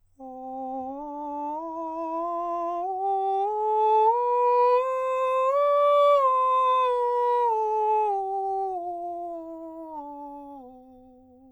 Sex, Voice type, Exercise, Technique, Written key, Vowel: male, countertenor, scales, straight tone, , o